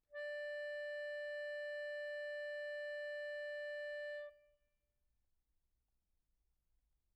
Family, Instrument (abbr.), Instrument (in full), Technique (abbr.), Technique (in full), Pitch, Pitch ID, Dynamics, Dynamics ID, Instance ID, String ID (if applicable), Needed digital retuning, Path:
Keyboards, Acc, Accordion, ord, ordinario, D5, 74, pp, 0, 2, , FALSE, Keyboards/Accordion/ordinario/Acc-ord-D5-pp-alt2-N.wav